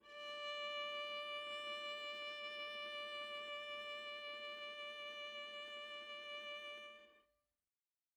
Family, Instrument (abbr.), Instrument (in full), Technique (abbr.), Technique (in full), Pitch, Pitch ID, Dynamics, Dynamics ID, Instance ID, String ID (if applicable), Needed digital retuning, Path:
Strings, Va, Viola, ord, ordinario, D5, 74, mf, 2, 2, 3, TRUE, Strings/Viola/ordinario/Va-ord-D5-mf-3c-T10d.wav